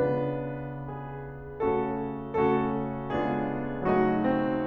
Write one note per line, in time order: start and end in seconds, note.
0.00 1.58 C#3
0.00 1.58 B3
0.00 1.58 D4
0.00 0.84 F4
0.00 1.58 B4
0.85 1.58 G#4
1.59 2.32 C#3
1.59 2.32 A3
1.59 2.32 C#4
1.59 2.32 F#4
1.59 2.32 A4
2.35 3.13 C#3
2.35 3.13 A3
2.35 3.13 C#4
2.35 3.13 F#4
2.35 3.13 A4
3.15 3.90 C#3
3.15 3.90 G#3
3.15 3.90 B3
3.15 3.90 D4
3.15 3.90 F4
3.15 3.90 G#4
3.91 4.66 C#3
3.91 4.66 F#3
3.91 4.27 A3
3.91 4.66 D#4
3.91 4.66 F#4
4.28 4.66 C4